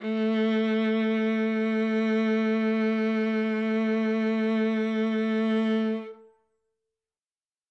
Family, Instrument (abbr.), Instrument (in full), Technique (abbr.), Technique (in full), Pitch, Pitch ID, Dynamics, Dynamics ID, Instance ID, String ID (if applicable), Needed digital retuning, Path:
Strings, Va, Viola, ord, ordinario, A3, 57, ff, 4, 3, 4, TRUE, Strings/Viola/ordinario/Va-ord-A3-ff-4c-T16u.wav